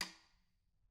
<region> pitch_keycenter=66 lokey=66 hikey=66 volume=14.903986 offset=163 seq_position=2 seq_length=2 ampeg_attack=0.004000 ampeg_release=15.000000 sample=Membranophones/Struck Membranophones/Snare Drum, Modern 2/Snare3M_taps_v4_rr2_Mid.wav